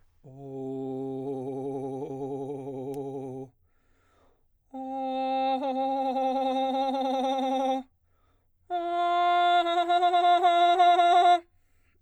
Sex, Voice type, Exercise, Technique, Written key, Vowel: male, baritone, long tones, trillo (goat tone), , o